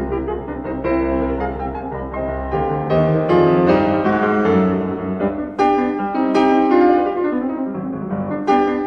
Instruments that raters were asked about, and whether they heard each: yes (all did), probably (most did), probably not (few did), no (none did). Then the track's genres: synthesizer: no
piano: yes
Classical